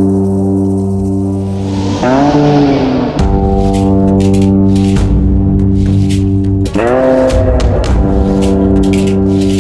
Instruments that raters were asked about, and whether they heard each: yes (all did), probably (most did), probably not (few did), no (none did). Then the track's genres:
bass: probably
Blues